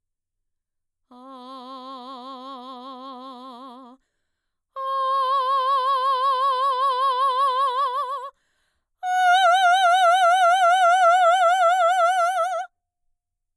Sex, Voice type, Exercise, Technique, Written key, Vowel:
female, mezzo-soprano, long tones, full voice forte, , a